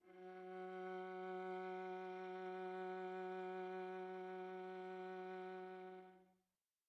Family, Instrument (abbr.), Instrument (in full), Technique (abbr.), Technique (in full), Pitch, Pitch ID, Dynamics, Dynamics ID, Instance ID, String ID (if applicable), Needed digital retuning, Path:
Strings, Va, Viola, ord, ordinario, F#3, 54, pp, 0, 3, 4, TRUE, Strings/Viola/ordinario/Va-ord-F#3-pp-4c-T11u.wav